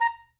<region> pitch_keycenter=82 lokey=81 hikey=84 tune=1 volume=13.766055 lovel=0 hivel=83 ampeg_attack=0.004000 ampeg_release=2.500000 sample=Aerophones/Reed Aerophones/Saxello/Staccato/Saxello_Stcts_MainSpirit_A#4_vl1_rr3.wav